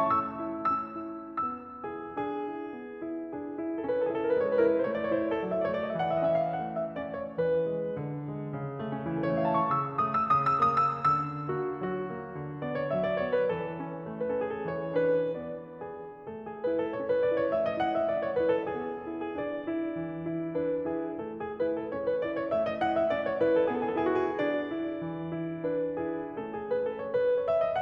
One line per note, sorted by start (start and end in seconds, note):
0.01 0.32 A3
0.01 0.86 E6
0.39 0.86 E4
0.88 1.13 C#4
0.88 1.43 E6
1.14 1.43 E4
1.45 1.84 B3
1.45 1.84 E6
1.85 2.12 E4
1.85 1.99 G#4
2.13 2.48 D4
2.13 3.33 G#4
2.49 2.73 E4
2.75 3.01 B3
3.02 3.33 E4
3.34 3.57 D4
3.34 3.83 G#4
3.58 3.83 E4
3.84 4.12 C#4
3.84 4.03 A4
3.93 4.12 B4
4.00 4.24 E4
4.05 4.21 A4
4.13 4.29 G#4
4.21 4.38 A4
4.29 4.46 A#4
4.38 4.65 G#3
4.38 4.55 B4
4.46 4.65 C#5
4.55 4.72 B4
4.65 4.89 E3
4.65 4.80 A#4
4.72 4.89 B4
4.80 4.97 C5
4.89 5.15 A3
4.89 5.06 C#5
4.97 5.15 D5
5.06 5.22 C#5
5.15 5.44 E4
5.15 5.31 C5
5.22 5.44 C#5
5.31 5.52 A4
5.44 5.73 F#3
5.44 5.61 D5
5.52 5.73 E5
5.61 5.80 D5
5.73 5.95 A3
5.73 5.87 C#5
5.80 5.95 D5
5.87 5.95 D#5
5.95 6.24 E3
5.95 6.14 E5
6.04 6.24 F#5
6.14 6.36 E5
6.24 6.60 C#4
6.24 6.47 D#5
6.36 6.60 E5
6.47 6.74 F5
6.60 6.94 A3
6.60 6.94 F#5
6.79 7.06 E5
6.94 7.37 C#4
6.94 7.37 D5
7.08 7.37 C#5
7.37 7.67 E3
7.37 7.96 B4
7.67 7.96 G#3
7.96 8.28 D3
8.28 8.54 G#3
8.54 8.78 C#3
8.78 8.90 A3
8.78 9.06 A3
8.91 9.06 C#4
9.06 9.39 E3
9.06 9.27 E4
9.18 9.39 A4
9.27 9.51 C#5
9.39 9.68 A3
9.39 9.60 E5
9.51 9.68 A5
9.60 9.68 C#6
9.68 10.03 C#3
9.68 10.03 E6
10.03 10.32 A3
10.03 10.19 D#6
10.20 10.32 E6
10.32 10.61 C#3
10.32 10.45 D#6
10.47 10.61 E6
10.61 11.04 A#3
10.61 10.79 D#6
10.80 11.04 E6
11.04 11.52 D3
11.04 11.52 E6
11.52 11.82 A#3
11.52 11.65 F#4
11.82 12.08 E3
11.82 12.63 F#4
12.08 12.34 A#3
12.34 12.63 D3
12.63 12.93 B3
12.63 12.79 D5
12.80 12.93 C#5
12.93 13.15 F#3
12.93 13.02 E5
13.03 13.15 D5
13.15 13.44 B3
13.15 13.29 C#5
13.30 13.44 B4
13.44 13.73 E3
13.44 14.26 A4
13.73 13.98 C#4
13.98 14.26 A3
14.26 14.67 C#4
14.26 14.47 B4
14.34 14.56 A4
14.48 14.67 G#4
14.56 14.67 A4
14.67 14.99 E3
14.67 14.99 C#5
14.99 15.54 D4
14.99 15.54 B4
15.54 15.89 B3
15.54 15.89 D5
15.89 16.29 D4
15.89 16.29 G#4
16.29 16.65 A3
16.29 16.43 A4
16.45 16.65 G#4
16.65 16.91 E4
16.65 16.77 B4
16.78 16.91 A4
16.91 17.20 C#4
16.91 17.01 C#5
17.03 17.20 B4
17.20 17.53 E4
17.20 17.36 D5
17.37 17.53 C#5
17.53 17.78 A3
17.53 17.65 E5
17.66 17.78 D#5
17.78 18.07 E4
17.78 17.94 F#5
17.95 18.07 E5
18.07 18.35 C#4
18.07 18.19 D5
18.20 18.35 C#5
18.35 18.69 E4
18.35 18.55 B4
18.56 18.69 A4
18.69 19.08 B3
18.69 19.34 G#4
19.08 19.34 E4
19.34 19.60 D4
19.34 19.60 G#4
19.39 20.56 D5
19.60 19.94 E4
19.94 20.25 E3
20.25 20.56 E4
20.56 20.88 D4
20.56 20.88 B4
20.88 21.19 E4
20.88 21.19 G#4
21.19 21.59 A3
21.19 21.38 A4
21.39 21.59 G#4
21.59 21.91 E4
21.59 21.70 B4
21.72 21.91 A4
21.91 22.22 C#4
21.91 22.06 C#5
22.08 22.22 B4
22.22 22.51 E4
22.22 22.36 D5
22.37 22.51 C#5
22.51 22.78 A3
22.51 22.62 E5
22.63 22.78 D#5
22.78 23.09 E4
22.78 22.96 F#5
22.97 23.09 E5
23.09 23.35 C#4
23.09 23.23 D5
23.24 23.35 C#5
23.35 23.66 E4
23.35 23.53 B4
23.54 23.66 A4
23.66 23.91 B3
23.66 23.81 G#4
23.75 23.85 A4
23.81 23.91 G#4
23.85 23.98 A4
23.91 24.35 E4
23.91 24.10 G#4
23.98 24.22 A4
24.10 24.35 F#4
24.22 24.35 G#4
24.35 24.69 D4
24.35 25.64 D5
24.69 24.98 E4
24.98 25.33 E3
25.33 25.64 E4
25.64 25.99 D4
25.64 25.99 B4
25.99 26.37 E4
25.99 26.37 G#4
26.38 27.06 A3
26.38 27.06 C#4
26.38 26.57 A4
26.57 26.72 G#4
26.74 26.87 B4
26.87 27.06 A4
27.07 27.21 C#5
27.21 27.35 B4
27.36 27.48 D5
27.48 27.57 C#5
27.58 27.67 E5
27.67 27.81 D#5